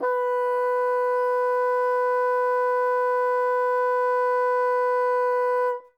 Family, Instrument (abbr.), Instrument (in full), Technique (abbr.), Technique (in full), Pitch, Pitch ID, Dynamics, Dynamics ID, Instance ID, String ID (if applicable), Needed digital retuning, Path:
Winds, Bn, Bassoon, ord, ordinario, B4, 71, ff, 4, 0, , FALSE, Winds/Bassoon/ordinario/Bn-ord-B4-ff-N-N.wav